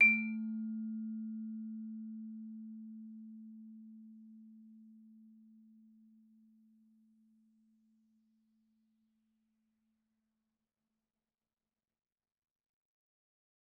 <region> pitch_keycenter=57 lokey=56 hikey=58 volume=7.995510 offset=113 lovel=84 hivel=127 ampeg_attack=0.004000 ampeg_release=15.000000 sample=Idiophones/Struck Idiophones/Vibraphone/Soft Mallets/Vibes_soft_A2_v2_rr1_Main.wav